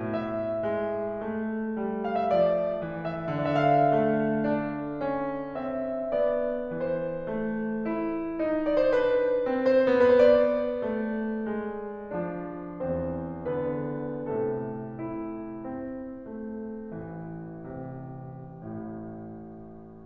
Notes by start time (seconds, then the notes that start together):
0.01 A2 E5
0.63 G#3
1.29 A3
1.86 G3
2.09 F5
2.21 E5
2.35 F3 D5
2.82 E3
3.07 E5
3.32 D3 D5
3.42 E5
3.55 F5
3.97 A3
4.45 D4
5.02 C#4
5.57 C4 E5
6.13 B3 D5
6.75 E3 C5
7.33 A3
7.88 E4
8.42 D#4
8.68 D5
8.79 C5
8.96 D4 B4
9.43 C4
9.68 C5
9.93 B3 B4
10.09 C5
10.27 D5
10.86 A3
11.49 G#3
12.16 F3 D4
12.86 E2 E3 C4 C5
13.46 D3 B3 B4
14.33 A2 C3 A3 A4
14.95 E4
15.65 C4
16.27 A3
17.01 A1 E3
17.72 C3
18.51 A1 A2